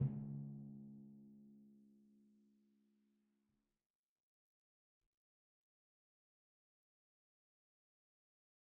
<region> pitch_keycenter=49 lokey=48 hikey=50 tune=-7 volume=25.442121 lovel=0 hivel=65 seq_position=2 seq_length=2 ampeg_attack=0.004000 ampeg_release=30.000000 sample=Membranophones/Struck Membranophones/Timpani 1/Hit/Timpani3_Hit_v2_rr2_Sum.wav